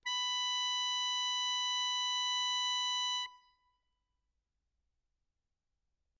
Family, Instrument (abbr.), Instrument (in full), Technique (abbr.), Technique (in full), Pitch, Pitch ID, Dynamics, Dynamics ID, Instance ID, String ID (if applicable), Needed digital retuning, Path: Keyboards, Acc, Accordion, ord, ordinario, B5, 83, ff, 4, 2, , FALSE, Keyboards/Accordion/ordinario/Acc-ord-B5-ff-alt2-N.wav